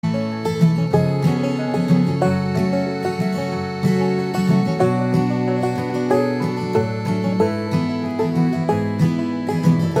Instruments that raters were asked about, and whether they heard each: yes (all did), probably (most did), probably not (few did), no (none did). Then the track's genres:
mandolin: probably not
banjo: probably
Pop; Folk; Singer-Songwriter